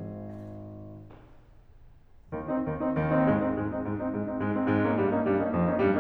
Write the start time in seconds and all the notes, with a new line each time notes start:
0.00 G#1
1.13 D#2 D#3
1.29 C4 D#4
1.44 D#2 D#3
2.50 C4 D#4
2.73 D#2 D#3
2.95 C4 D#4
3.17 G#2 G#3
3.34 C4 D#4
3.51 G#2 G#3
3.72 C4 D#4
3.87 G#2 G#3
4.03 C4 D#4
4.18 G#2 G#3
4.28 C4 D#4
4.45 G#2 G#3
4.54 C4 D#4
4.67 G#2 G#3
4.81 A#3 C#4 D#4
4.96 G2 G3
5.09 A#3 C#4 D#4
5.24 G2 G3
5.40 A#3 C#4 D#4
5.54 F2 F3
5.68 A#3 C#4 D#4
5.83 G2 G3